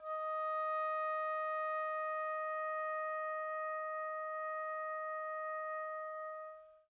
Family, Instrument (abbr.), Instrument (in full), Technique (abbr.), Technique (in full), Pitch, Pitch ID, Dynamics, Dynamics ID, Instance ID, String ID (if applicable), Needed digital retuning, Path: Winds, Ob, Oboe, ord, ordinario, D#5, 75, pp, 0, 0, , FALSE, Winds/Oboe/ordinario/Ob-ord-D#5-pp-N-N.wav